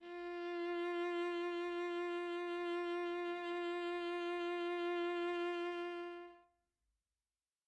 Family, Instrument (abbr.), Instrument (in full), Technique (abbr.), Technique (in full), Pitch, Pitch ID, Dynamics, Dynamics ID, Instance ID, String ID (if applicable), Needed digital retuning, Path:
Strings, Va, Viola, ord, ordinario, F4, 65, mf, 2, 1, 2, FALSE, Strings/Viola/ordinario/Va-ord-F4-mf-2c-N.wav